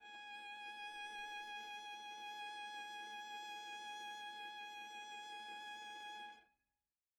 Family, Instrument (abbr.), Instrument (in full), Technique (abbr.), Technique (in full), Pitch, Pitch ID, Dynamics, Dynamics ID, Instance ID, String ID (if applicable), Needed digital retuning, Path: Strings, Va, Viola, ord, ordinario, G#5, 80, mf, 2, 1, 2, FALSE, Strings/Viola/ordinario/Va-ord-G#5-mf-2c-N.wav